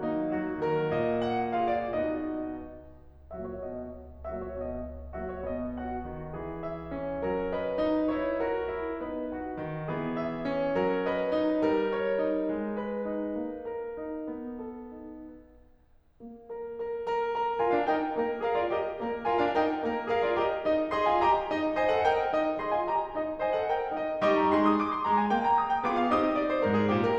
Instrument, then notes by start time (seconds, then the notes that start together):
piano
0.00 A#3 D#4
0.33 F#3 F#4
0.60 D#3 A#4
0.89 A#2 D#5
1.27 F#5
1.54 F4 G#4 F5
1.71 D5
1.89 B2 B3 D#4 F#4 D#5
3.29 A#2 F#3 A#3 F#4 E5
3.46 C#5
3.62 B2 B3 D#5
4.25 A#2 F#3 A#3 F#4 E5
4.39 C#5
4.55 B2 B3 D#5
5.17 A#2 F#3 A#3 F#4 E5
5.31 C#5
5.48 B2 B3 D#5
5.78 F#4 F#5
6.06 D#3
6.35 E3 G#4
6.63 E5
6.92 C#4
7.21 G3 A#4
7.49 B4 D#5
7.78 D#4
8.12 E4 C#5
8.38 F#4 A#4
8.72 E4
9.07 B3 D#4 B4 D#5
9.35 F#4 F#5
9.65 D#3
9.91 E3 G#4
10.17 E5
10.43 C#4
10.75 F#3 A#4
11.06 B4 D#5
11.34 D#4
11.63 G3 A#4
11.90 C#5
12.19 D#4
12.50 G#3
12.74 B4
13.03 D#4
13.39 A#3
13.70 A#4
14.01 D#4
14.29 B3
14.58 A4
14.93 D#4
16.23 A#3
16.61 A#4
16.94 A#4
17.16 A#4
17.32 A#4
17.61 F4 A#4 G#5
17.73 D4 F5
17.88 D#4 A#4 G5
18.16 A#3 A#4
18.46 G#4 A#4 F5
18.59 F4 D5
18.77 G4 A#4 D#5
18.99 A#3 A#4
19.27 F4 A#4 G#5
19.40 D4 F5
19.55 D#4 A#4 G5
19.83 A#3 A#4
20.07 G#4 A#4 F5
20.22 F4 D5
20.36 G4 D#5
20.68 D#4 D#5
20.93 G#4 D#5 C6
21.05 F4 G#5
21.22 G4 D#5 A#5
21.48 D#4 D#5
21.80 C5 D#5 G#5
21.97 A4 F#5
22.08 A#4 D#5 G5
22.34 D#4 D#5
22.59 G#4 D#5 C6
22.76 F4 G#5
22.89 G4 D#5 A#5
23.12 D#4 D#5
23.41 C5 D#5 G#5
23.55 A4 F#5
23.65 A#4 D#5 G5
23.94 D#4 D#5
24.22 G3 D#4 G4 D#5 C#6
24.36 A#5
24.50 G#3 G#4 C6
24.62 D#6
24.73 D6
24.83 C6
24.97 G#3 A#5
25.15 G#5
25.31 A#3 G5
25.44 A#5
25.58 D#6
25.73 G5
25.86 B3 F4 G#4 D6
26.01 F5
26.12 C4 D#4 G4 D#6
26.23 D#5
26.35 D5
26.49 C5
26.62 G#2 A#4
26.75 G#4
26.95 A#2 G4
27.06 A#4